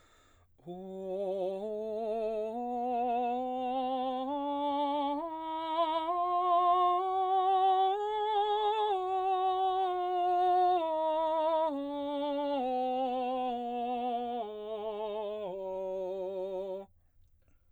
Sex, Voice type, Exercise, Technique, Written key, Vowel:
male, baritone, scales, slow/legato piano, F major, o